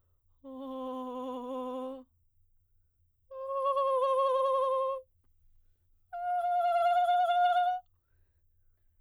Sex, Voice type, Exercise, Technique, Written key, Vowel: female, soprano, long tones, trillo (goat tone), , o